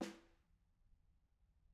<region> pitch_keycenter=61 lokey=61 hikey=61 volume=28.202091 offset=202 lovel=0 hivel=47 seq_position=1 seq_length=2 ampeg_attack=0.004000 ampeg_release=15.000000 sample=Membranophones/Struck Membranophones/Snare Drum, Modern 1/Snare2_HitSN_v3_rr1_Mid.wav